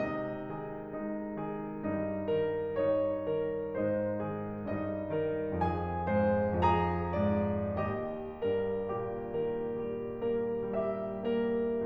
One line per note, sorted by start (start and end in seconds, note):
0.00 1.83 C3
0.00 0.46 G#3
0.00 0.46 D#4
0.00 2.75 D#5
0.48 0.93 D#3
0.48 0.93 G#4
0.95 1.38 G#3
0.95 1.38 D#4
1.40 1.83 D#3
1.40 1.83 G#4
1.85 3.75 G2
1.85 2.32 G3
1.85 2.32 D#4
2.36 2.75 D#3
2.36 2.75 A#4
2.76 3.29 G3
2.76 3.29 D#4
2.76 3.75 C#5
3.30 3.75 D#3
3.30 3.75 A#4
3.77 4.61 G#2
3.77 4.19 G#3
3.77 4.19 D#4
3.77 4.61 C5
4.20 4.61 D#3
4.20 4.61 G#4
4.62 5.62 G2
4.62 5.12 G3
4.62 5.12 D#4
4.62 5.62 D#5
5.14 5.62 D#3
5.14 5.62 A#4
5.67 6.62 F2
5.67 6.18 F3
5.67 6.18 G#4
5.67 6.62 G#5
6.19 6.62 G#2
6.19 6.62 C5
6.63 7.72 F2
6.63 7.14 F3
6.63 7.14 G#4
6.63 7.72 A#5
7.16 7.72 G#2
7.16 7.72 D5
7.73 8.41 D#2
7.73 8.41 G4
7.73 10.66 D#5
8.42 8.90 G2
8.42 8.90 A#4
8.94 9.37 A#2
8.94 9.37 G4
9.39 9.82 D#3
9.39 9.82 A#4
9.83 10.25 G3
9.83 10.25 G4
10.26 10.66 A#3
10.26 10.66 A#4
10.68 11.25 G3
10.68 11.25 G4
10.68 11.85 E5
11.33 11.85 A#3
11.33 11.85 A#4